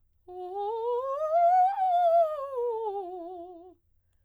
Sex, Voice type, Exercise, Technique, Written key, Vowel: female, soprano, scales, fast/articulated piano, F major, o